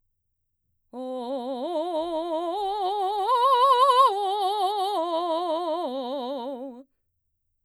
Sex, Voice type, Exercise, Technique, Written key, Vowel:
female, mezzo-soprano, arpeggios, slow/legato forte, C major, o